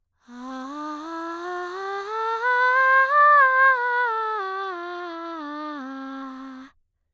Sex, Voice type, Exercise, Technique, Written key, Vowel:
female, soprano, scales, breathy, , a